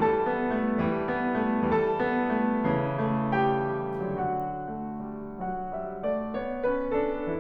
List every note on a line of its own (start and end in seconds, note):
0.01 0.81 E3
0.01 0.32 G3
0.01 1.72 A4
0.01 1.72 A5
0.33 0.61 B3
0.63 0.81 A3
0.82 1.72 E3
0.82 1.07 G3
1.09 1.50 B3
1.52 1.72 A3
1.76 2.70 D3
1.76 1.97 F#3
1.76 3.38 A4
1.76 3.38 A5
1.99 2.37 B3
2.40 2.70 A3
2.71 4.14 C#3
2.71 3.09 E3
3.11 3.38 B3
3.41 4.14 A3
3.41 4.14 G4
3.41 4.14 G5
4.15 7.39 D3
4.15 4.81 F#3
4.15 5.39 F#4
4.15 5.39 F#5
4.84 5.14 A3
5.15 5.39 G3
5.40 5.71 F#3
5.40 5.71 F#4
5.40 7.39 F#5
5.72 6.01 G3
5.72 6.01 E5
6.03 6.33 A3
6.03 6.33 D5
6.34 6.66 B3
6.34 6.66 C#5
6.69 6.94 C#4
6.69 6.94 B4
6.95 7.39 D4
6.95 7.39 A4